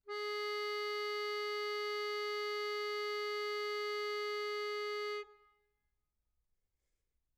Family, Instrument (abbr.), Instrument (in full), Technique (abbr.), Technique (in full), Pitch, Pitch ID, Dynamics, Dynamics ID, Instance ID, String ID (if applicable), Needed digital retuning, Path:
Keyboards, Acc, Accordion, ord, ordinario, G#4, 68, mf, 2, 4, , FALSE, Keyboards/Accordion/ordinario/Acc-ord-G#4-mf-alt4-N.wav